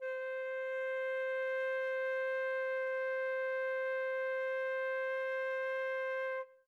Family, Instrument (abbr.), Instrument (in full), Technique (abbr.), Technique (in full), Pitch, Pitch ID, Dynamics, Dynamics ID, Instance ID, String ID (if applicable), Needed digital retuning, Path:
Winds, Fl, Flute, ord, ordinario, C5, 72, mf, 2, 0, , TRUE, Winds/Flute/ordinario/Fl-ord-C5-mf-N-T17d.wav